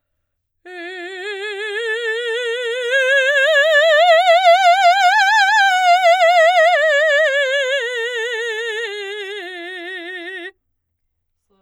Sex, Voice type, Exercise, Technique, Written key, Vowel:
female, soprano, scales, slow/legato forte, F major, e